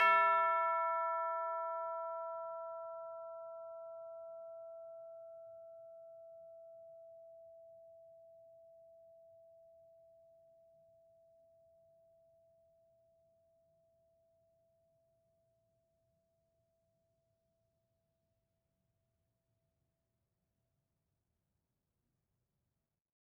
<region> pitch_keycenter=64 lokey=64 hikey=64 volume=15.018009 lovel=0 hivel=83 ampeg_attack=0.004000 ampeg_release=30.000000 sample=Idiophones/Struck Idiophones/Tubular Bells 2/TB_hit_E4_v2_1.wav